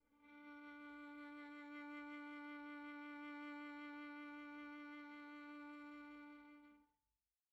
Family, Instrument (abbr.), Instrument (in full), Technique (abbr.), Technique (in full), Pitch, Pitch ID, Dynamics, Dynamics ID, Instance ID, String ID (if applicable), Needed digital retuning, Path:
Strings, Va, Viola, ord, ordinario, D4, 62, pp, 0, 2, 3, FALSE, Strings/Viola/ordinario/Va-ord-D4-pp-3c-N.wav